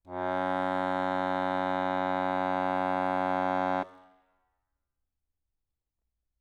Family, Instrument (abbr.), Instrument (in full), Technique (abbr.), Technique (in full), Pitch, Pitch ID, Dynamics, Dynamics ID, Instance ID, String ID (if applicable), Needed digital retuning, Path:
Keyboards, Acc, Accordion, ord, ordinario, F#2, 42, ff, 4, 1, , FALSE, Keyboards/Accordion/ordinario/Acc-ord-F#2-ff-alt1-N.wav